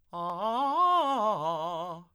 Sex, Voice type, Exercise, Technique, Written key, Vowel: male, tenor, arpeggios, fast/articulated piano, F major, a